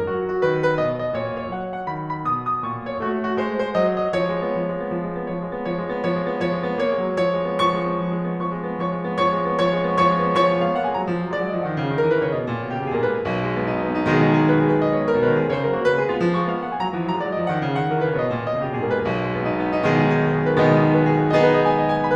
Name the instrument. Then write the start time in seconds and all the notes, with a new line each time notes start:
piano
0.00 A#4
0.15 F#3 F#4
0.33 F#4
0.46 D#3 B4
0.70 B4
0.82 B2 D#5
1.06 D#5
1.20 A#2 C#5
1.44 C#5
1.54 F#3 F#5
1.82 F#5
1.93 D#3 B5
2.17 B5
2.25 B2 D#6
2.52 D#6
2.66 A#2 C#6
2.91 C#5
3.08 A3 F#4
3.30 F#4
3.41 G#3 C5
3.63 C5
3.74 F#3 D#5
4.04 D#5
4.18 F3 C#5
4.33 G#3
4.46 B3
4.60 F3
4.70 G#3
4.84 B3
4.95 F3
5.06 G#3
5.17 B3
5.28 F3 C#5
5.40 G#3
5.50 B3
5.62 F3 C#5
5.74 G#3
5.91 B3
6.05 F3 C#5
6.16 G#3
6.29 B3
6.46 F3 C#5
6.58 G#3
6.70 B3
6.83 A#3 C#5
6.98 G#3
7.11 F#3
7.21 F3 C#5
7.38 G#3
7.52 B3
7.71 F3 C#6
7.89 G#3
8.00 B3
8.12 F3
8.20 G#3
8.31 B3
8.45 F3 C#5 C#6
8.56 G#3
8.66 B3
8.79 F3 C#5 C#6
8.93 G#3
9.04 B3
9.23 F3 C#5 C#6
9.38 G#3
9.51 B3
9.64 F3 C#5 C#6
9.74 G#3
9.87 B3
9.97 F3 C#5 C#6
10.14 G#3
10.24 B3
10.37 F3 C#5 C#6
10.47 G#3
10.59 B3 F5
10.74 A#3 F#5
10.86 G#3 G#5
10.96 F#3 A#5
11.08 F3
11.25 F#3
11.38 G#3 D5
11.49 F#3 D#5
11.61 F3 F5
11.70 D#3 F#5
11.81 C#3
11.92 D#3
12.05 E3 A#4
12.16 D#3 B4
12.29 C#3 C#5
12.39 B2 D#5
12.49 A#2
12.62 B2
12.71 C#3 G4
12.83 B2 G#4
12.93 A#2 A#4
13.08 G#2 B4
13.21 B1
13.43 G#3
13.58 B3
13.71 D#4
13.86 B3
13.98 D#4
14.08 B2 D#3 G#3 G#4
14.20 D#4
14.34 G#4
14.51 B4
14.66 G#4
14.78 B4
14.90 D#5
15.00 C#5
15.10 B4
15.20 B2 A#4
15.29 D#3 B4
15.42 G#3 G#4
15.57 C#3 C#5
15.70 F#3 A#4
15.81 A#3 F#4
15.91 C#3 B4
16.00 G#3 G#4
16.13 B3 F4
16.24 F3
16.36 G#3 C#6
16.46 B3 F5
16.56 A#3 F#5
16.68 G#3 G#5
16.78 F#3 A#5
16.89 F3
17.00 F#3 A#5
17.12 G#3 D5
17.24 F#3 D#5
17.37 F3 F5
17.50 D#3 F#5
17.62 C#3
17.75 D#3 F#5
17.88 E3 A#4
17.98 D#3 B4
18.10 C#3 C#5
18.19 C3 D#5
18.31 A#2
18.51 B2 D#5
18.65 C#3 G4
18.76 B2 G#4
18.88 A#2 A#4
18.97 G#2 B4
19.09 B1
19.20 G#3
19.34 B3
19.50 D#4
19.63 B3
19.75 D#4
19.86 B2 D#3 G#3 G#4
20.00 D#4
20.15 G#4
20.28 B4
20.40 G#4
20.50 B4
20.62 B2 D#3 G#3 B3 D#5
20.82 D#4
20.93 G#4
21.04 B4
21.14 G#4
21.25 B4
21.35 B3 D#4 G#4 D#5
21.48 B4
21.58 D#5
21.68 G#5
21.79 D#5
21.91 G#5
22.06 B5